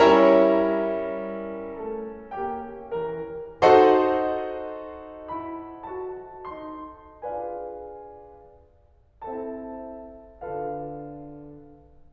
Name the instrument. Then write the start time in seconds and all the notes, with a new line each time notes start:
piano
0.01 G3 C#4 E4 A#4 C#5 E5 A#5
1.83 A3 A4 A5
2.33 A#3 G4 G5
2.98 E3 A#4 A#5
3.62 D#4 A4 C5 D#5 F#5 C6
5.32 E4 B5
5.92 F#4 A5
6.52 D#4 C6
7.26 D4 F4 G#4 B4 D5 F5 G#5
9.22 C4 E4 A4 C5 E5 A5
10.45 D3 D4 F4 A4 B4 F5